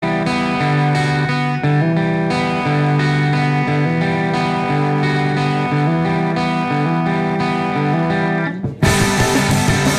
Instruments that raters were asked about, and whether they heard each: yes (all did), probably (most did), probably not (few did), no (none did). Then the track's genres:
guitar: yes
organ: no
Loud-Rock; Experimental Pop